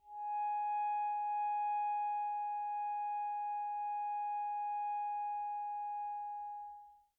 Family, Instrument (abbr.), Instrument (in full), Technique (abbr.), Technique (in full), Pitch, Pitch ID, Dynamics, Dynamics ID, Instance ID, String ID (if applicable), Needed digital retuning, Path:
Winds, ASax, Alto Saxophone, ord, ordinario, G#5, 80, pp, 0, 0, , FALSE, Winds/Sax_Alto/ordinario/ASax-ord-G#5-pp-N-N.wav